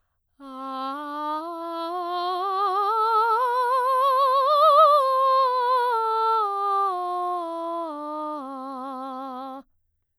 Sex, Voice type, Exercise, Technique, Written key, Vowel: female, soprano, scales, slow/legato piano, C major, a